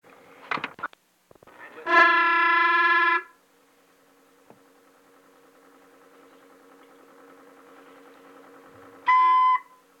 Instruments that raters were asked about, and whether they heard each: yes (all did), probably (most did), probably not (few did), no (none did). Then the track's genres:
clarinet: probably not
accordion: no
Field Recordings; Spoken Weird; Spoken Word